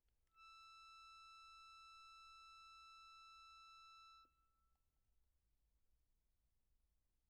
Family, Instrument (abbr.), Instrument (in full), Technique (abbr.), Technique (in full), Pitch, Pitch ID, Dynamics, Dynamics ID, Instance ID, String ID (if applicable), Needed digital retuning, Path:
Keyboards, Acc, Accordion, ord, ordinario, E6, 88, pp, 0, 2, , FALSE, Keyboards/Accordion/ordinario/Acc-ord-E6-pp-alt2-N.wav